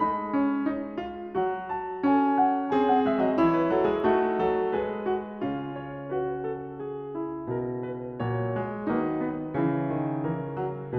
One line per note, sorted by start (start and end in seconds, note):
0.00 1.34 G#3
0.00 0.36 D#4
0.00 1.71 B5
0.36 0.71 C#4
0.71 1.07 D#4
1.07 1.35 F4
1.34 3.01 F#3
1.34 2.17 F#4
1.71 2.07 A5
2.07 2.74 C#4
2.07 2.74 A4
2.07 2.47 G#5
2.47 2.73 F#5
2.73 3.37 C4
2.73 3.36 G#4
2.73 2.87 G#5
2.87 3.01 F#5
3.01 3.19 G#3
3.01 3.19 E5
3.19 3.36 F#3
3.19 3.36 D#5
3.36 3.73 E3
3.36 4.09 E4
3.36 4.76 C#5
3.54 3.74 B4
3.73 3.90 F#3
3.73 3.91 A4
3.90 4.09 G#3
3.90 4.10 G#4
4.09 4.46 A3
4.09 5.41 D#4
4.09 4.47 F#4
4.46 4.76 F#3
4.46 4.77 A4
4.76 5.41 G#3
4.76 5.10 G#4
4.76 5.75 B4
5.10 5.41 F#4
5.41 8.88 C#3
5.41 8.21 C#4
5.41 6.08 F4
5.75 6.07 C#5
6.07 7.16 F#4
6.07 6.46 B4
6.46 6.82 A4
6.82 7.51 G#4
7.16 8.89 E4
7.51 8.21 B2
7.51 7.85 A#4
7.85 8.21 B4
8.21 8.88 A#2
8.21 8.54 F#3
8.21 8.88 C#5
8.54 8.89 G#3
8.88 9.53 D#3
8.88 9.53 F#3
8.88 9.28 A#3
8.88 9.54 D#4
8.88 10.29 B4
9.28 9.54 B3
9.53 10.98 C#3
9.53 9.90 E3
9.53 10.98 C#4
9.53 10.98 E4
9.90 10.29 D#3
10.29 10.58 E3
10.29 10.98 A#4
10.58 10.98 F#3